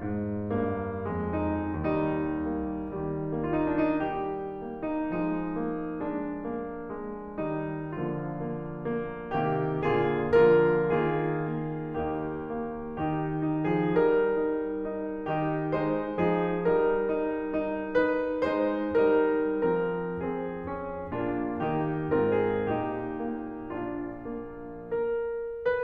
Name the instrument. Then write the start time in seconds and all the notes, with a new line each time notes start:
piano
0.01 G#2
0.53 G2 A#3
1.06 F2 G#3
1.41 D#4
1.71 D#2 G3 D#4
2.48 A#3
2.90 D#3 G3
3.42 A#3 F4
3.56 D#4
3.73 D4
3.91 D#4
4.02 G3 G4
4.66 A#3
4.88 D#4
5.13 F3 G#3 D#4
5.54 A#3
5.94 G#3 D4
6.43 A#3
6.91 G#3
7.38 D#3 G3 D#4
8.01 D3 F3 A#3 F4
8.52 A#3
8.93 A#3
9.32 C3 D#3 A#3 G4
9.78 A#2 D3 A#3 F4 G#4
10.33 D3 F3 A#3 F4 A#4
10.88 D#3 A#3 F4 G#4
11.53 A#3
11.95 D#2 A#3 D#4 G4
12.46 A#3
12.94 D#3 D#4 G4
13.46 D#4
13.65 F3 G#4
13.93 G3 D#4 A#4
14.37 D#4
14.85 D#4
15.30 D#3 D#4 G4
15.73 G#3 D#4 C5
16.21 F3 D#4 G#4
16.64 G3 D#4 A#4
17.06 D#4
17.57 D#4
17.99 D#4 B4
18.44 G#3 D#4 C5
18.96 G3 D#4 A#4
19.56 F3 C4 A#4
20.18 C4 G#4
20.58 C#4
21.08 A#2 A#3 D4 F4
21.65 D#3 A#3 D#4 G4
22.16 G#2 C4 F4 A#4
22.49 G#4
22.73 A#2 D#4 G4
23.31 A#3
23.76 D4 F4
24.34 A#3
25.15 A#4